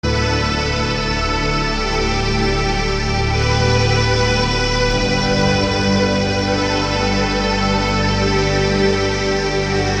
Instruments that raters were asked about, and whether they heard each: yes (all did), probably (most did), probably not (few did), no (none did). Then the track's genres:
accordion: probably
Ambient Electronic; Ambient